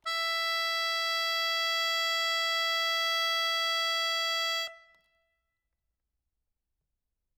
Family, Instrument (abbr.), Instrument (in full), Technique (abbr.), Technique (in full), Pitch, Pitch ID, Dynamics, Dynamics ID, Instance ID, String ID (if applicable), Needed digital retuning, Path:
Keyboards, Acc, Accordion, ord, ordinario, E5, 76, ff, 4, 1, , FALSE, Keyboards/Accordion/ordinario/Acc-ord-E5-ff-alt1-N.wav